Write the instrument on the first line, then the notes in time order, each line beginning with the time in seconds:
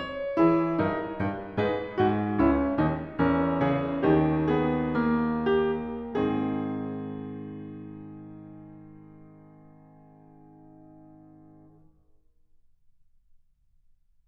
piano
0.00 C#5
0.39 E3 E4 G#4
0.78 G2 D#4 A#4
1.20 G2
1.58 G#2 D#4 G#4 B4
1.97 G#2 F#4
2.40 C#2 C#4 E4
2.77 D#2 D#4
3.22 E2 C#4 A#4
3.61 C#3 G#4
4.05 D#2 D#3 G4
4.54 B3 G#4
4.98 A#3
5.50 G4
6.23 G#2 C4 G#4